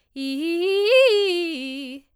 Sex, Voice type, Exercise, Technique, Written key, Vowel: female, soprano, arpeggios, fast/articulated forte, C major, i